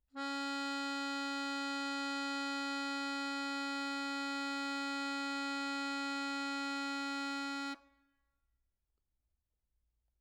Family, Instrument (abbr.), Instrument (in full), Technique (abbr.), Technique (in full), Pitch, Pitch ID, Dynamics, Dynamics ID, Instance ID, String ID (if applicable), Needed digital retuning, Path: Keyboards, Acc, Accordion, ord, ordinario, C#4, 61, mf, 2, 3, , FALSE, Keyboards/Accordion/ordinario/Acc-ord-C#4-mf-alt3-N.wav